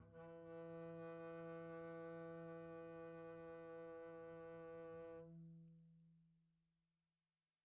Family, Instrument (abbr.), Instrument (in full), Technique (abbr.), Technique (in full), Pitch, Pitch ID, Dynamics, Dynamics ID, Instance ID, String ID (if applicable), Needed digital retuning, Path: Strings, Cb, Contrabass, ord, ordinario, E3, 52, pp, 0, 0, 1, FALSE, Strings/Contrabass/ordinario/Cb-ord-E3-pp-1c-N.wav